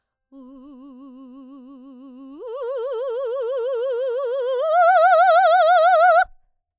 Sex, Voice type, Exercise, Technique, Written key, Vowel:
female, soprano, long tones, trill (upper semitone), , u